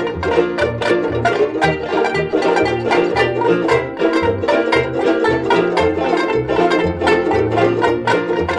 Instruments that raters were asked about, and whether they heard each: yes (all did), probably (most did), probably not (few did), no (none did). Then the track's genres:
mandolin: probably
ukulele: probably
banjo: yes
Old-Time / Historic